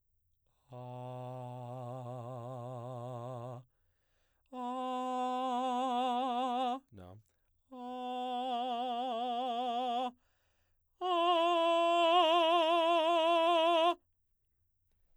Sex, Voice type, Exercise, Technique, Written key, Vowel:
male, baritone, long tones, trillo (goat tone), , a